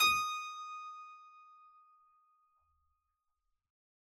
<region> pitch_keycenter=87 lokey=87 hikey=87 volume=2.023659 trigger=attack ampeg_attack=0.004000 ampeg_release=0.400000 amp_veltrack=0 sample=Chordophones/Zithers/Harpsichord, Unk/Sustains/Harpsi4_Sus_Main_D#5_rr1.wav